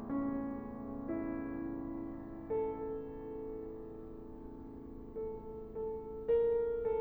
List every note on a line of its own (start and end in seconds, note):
0.00 5.72 C#4
1.14 5.72 E4
5.10 5.72 A4
5.75 6.40 A4
6.41 7.00 A#4